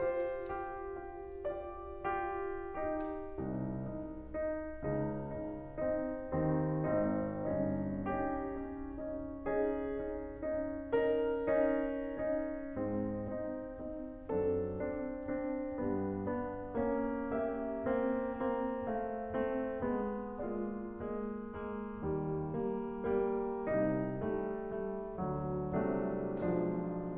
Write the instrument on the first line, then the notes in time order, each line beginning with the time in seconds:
piano
0.00 F4 G4 C5
0.62 F4 G4
1.10 F4 G4
1.56 F4 G4 D5
2.07 F4 G4
2.68 D#4 G4
3.17 C2 C3 D#4
3.83 D#4
4.40 D#4
4.85 C#2 C#3 D#4
5.35 D#4
5.77 C4 D#4
6.32 D#2 D#3 C4 D#4
6.87 G#1 G#2 C4 D#4
7.50 G1 G2 C#4 D#4
8.03 C#4 D#4 G4
8.45 C#4 D#4
8.97 C#4 D#4
9.46 C#4 D#4 G#4
10.10 C#4 D#4
10.54 C#4 D#4
11.01 C#4 D#4 A#4
11.67 C#4 D#4
12.16 C#4 D#4
12.77 G#2 G#3 C4
13.36 C4 D#4
13.79 C4 D#4
14.26 F#2 F#3 C4 D4 A4
14.74 C4 D4
15.28 C4 D4
15.75 G2 G3 B3
16.29 B3 D4
16.79 A#3 C#4
17.41 A#3 C#4 G4 E5
17.88 A#3 C4
18.39 A#3 C4
18.88 A3 F5
19.33 A3 C4
19.80 G#3 B3
20.49 G#3 A#3 F4 D5
20.96 G#3 A#3
21.39 G#3 A#3
21.98 D#2 D#3 G3
22.47 G3 A#3
23.03 G3 A#3
23.68 C2 C3 G3 D#4
24.23 G3 A3
24.68 G3 A3
25.18 D2 D3 F#3
25.98 C2 C3 F#3 G#3 D4
26.47 B1 B2 F3 G#3 D4